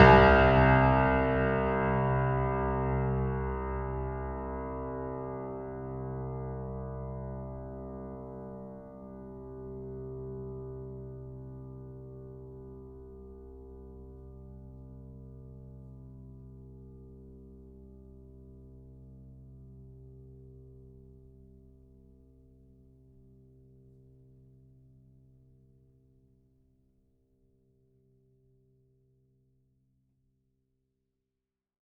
<region> pitch_keycenter=36 lokey=36 hikey=37 volume=1.235836 lovel=66 hivel=99 locc64=65 hicc64=127 ampeg_attack=0.004000 ampeg_release=0.400000 sample=Chordophones/Zithers/Grand Piano, Steinway B/Sus/Piano_Sus_Close_C2_vl3_rr1.wav